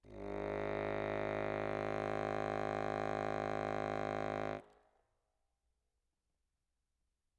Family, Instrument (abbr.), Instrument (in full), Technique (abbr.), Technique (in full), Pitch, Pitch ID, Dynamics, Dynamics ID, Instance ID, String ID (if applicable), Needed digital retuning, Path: Keyboards, Acc, Accordion, ord, ordinario, G#1, 32, ff, 4, 0, , TRUE, Keyboards/Accordion/ordinario/Acc-ord-G#1-ff-N-T16u.wav